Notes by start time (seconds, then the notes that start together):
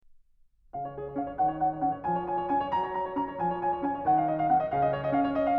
0.03 C#3 F5
0.81 C#5
0.96 G#4
1.08 C#5
1.18 C#4 F5
1.26 C#5
1.40 D#3 F#5
1.52 C#5
1.60 F#5
1.71 C#5
1.80 C#4 F#5
1.91 C#5
2.03 F3 G#5
2.15 C#5
2.29 G#5
2.39 C#5
2.48 C#4 G#5
2.61 C#5
2.72 F#3 A#5
2.82 C#5
2.90 A#5
3.05 C#5
3.15 C#4 A#5
3.24 C#5
3.39 F3 G#5
3.49 C#5
3.62 G#5
3.73 C#5
3.80 C#4 G#5
3.89 C#5
4.04 D#3 F#5
4.16 F5
4.28 D#5
4.39 F5
4.47 C4 F#5
4.60 D#5
4.72 C#3 F5
4.81 D#5
4.95 C#5
5.04 D#5
5.17 C#4 F5
5.24 C#5
5.34 D#5
5.44 F5